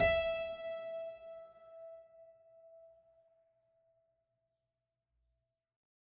<region> pitch_keycenter=76 lokey=76 hikey=77 volume=-1 trigger=attack ampeg_attack=0.004000 ampeg_release=0.400000 amp_veltrack=0 sample=Chordophones/Zithers/Harpsichord, French/Sustains/Harpsi2_Normal_E4_rr1_Main.wav